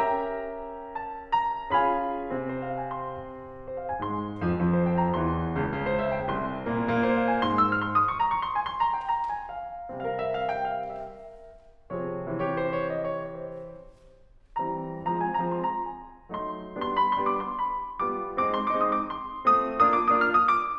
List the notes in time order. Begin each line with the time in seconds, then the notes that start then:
0.00 C#4 G4 A#4 E5 G5 A#5
0.95 A5
1.34 A#5
1.73 C#4 F4 G#4 F5 G#5 B5
2.30 C3 C4
2.46 C5
2.55 F5
2.71 G#5
2.86 C6
3.66 C5
3.76 F5
3.88 G#5
4.01 G#2 G#3 C6
4.45 F2 F3
4.61 F2 F3
4.77 C5
4.90 G5
5.04 A#5
5.17 E2 E3 C6
5.58 C#2 C#3
5.72 C#2 C#3
5.85 C5
5.98 E5
6.10 G5
6.23 C2 C3 C6
6.66 A#2 A#3
6.84 A#2 A#3
7.00 C5
7.13 F5
7.26 G#5
7.40 G#2 G#3 C6
7.55 E6
7.67 F6
7.85 C6
7.99 D#6
8.09 C#6
8.20 A#5
8.34 C#6
8.43 C6
8.57 G#5
8.65 C6
8.79 A#5
8.94 G5
9.03 A#5
9.38 G#5
9.59 F5
9.89 C3 G3 C4 A#4 F5
10.02 E5
10.23 F5
10.37 G5
10.51 F5
10.67 E5
11.91 C3 F3 C4 G#4 C#5
12.29 C3 D#3 C4 G4 C#5
12.46 C5
12.62 C#5
12.88 D#5
13.05 C#5
13.29 C5
14.84 D#3 G3 C4 A#5
15.06 F3 G#3 C4 A#5
15.23 G#5
15.34 A#5
15.50 F3 G#3 C4
15.55 C6
15.70 A#5
15.85 G#5
16.42 F#3 A3 D#4 C6
16.76 G3 B3 D4 C6
16.96 B5
17.11 C6
17.24 G3 B3 D4
17.33 D6
17.44 C6
17.69 B5
18.01 G3 B3 F4 D6
18.43 G#3 C4 D#4 D6
18.60 C6
18.76 D6
18.82 G#3 C4 D#4
18.92 D#6
19.02 D6
19.18 C6
19.46 A3 C4 F4 D#6
19.75 A#3 D4 F4 D#6
19.84 D6
20.02 D#6
20.07 A#3 D4 F4 F6
20.21 D#6
20.33 D6